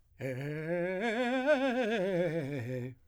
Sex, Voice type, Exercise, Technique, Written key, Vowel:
male, , scales, fast/articulated piano, C major, e